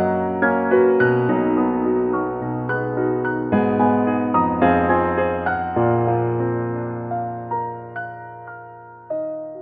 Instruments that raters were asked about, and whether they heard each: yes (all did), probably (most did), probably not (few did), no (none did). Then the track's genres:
piano: yes
Contemporary Classical